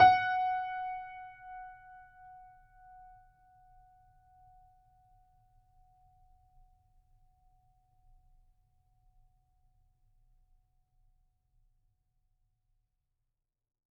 <region> pitch_keycenter=78 lokey=78 hikey=79 volume=1.859533 lovel=100 hivel=127 locc64=0 hicc64=64 ampeg_attack=0.004000 ampeg_release=0.400000 sample=Chordophones/Zithers/Grand Piano, Steinway B/NoSus/Piano_NoSus_Close_F#5_vl4_rr1.wav